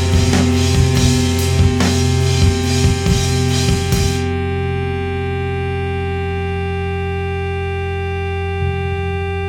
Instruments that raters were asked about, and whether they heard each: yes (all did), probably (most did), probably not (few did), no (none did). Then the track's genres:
trumpet: no
clarinet: no
Punk; Post-Punk; Hardcore